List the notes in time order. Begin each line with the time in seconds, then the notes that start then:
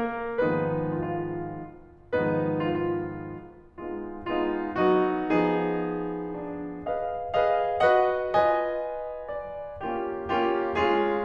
0.00 A#3 A#4
0.38 G#2 D#3 F3 G#3 B3 D#4 B4
0.89 F4
1.01 F4
2.15 G#2 D#3 F3 G#3 B3 D#4 B4
2.60 F4
2.74 F4
3.84 G#3 B3 D#4 F4
4.33 G#3 B3 D#4 F4
4.90 F#3 B3 D#4 F#4
5.33 F3 B3 D#4 G#4
6.26 D4
6.85 G#4 B4 D#5 F5
7.36 G#4 B4 D#5 F5
7.83 F#4 B4 D#5 F#5
8.32 F4 B4 D#5 G#5
9.28 D5
9.82 A#3 C#4 F4 G4
10.32 A#3 C#4 F4 G4
10.77 G#3 C#4 F4 G#4